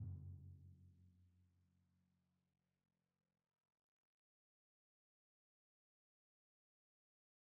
<region> pitch_keycenter=42 lokey=41 hikey=44 tune=-28 volume=34.415451 lovel=0 hivel=65 seq_position=2 seq_length=2 ampeg_attack=0.004000 ampeg_release=30.000000 sample=Membranophones/Struck Membranophones/Timpani 1/Hit/Timpani1_Hit_v2_rr2_Sum.wav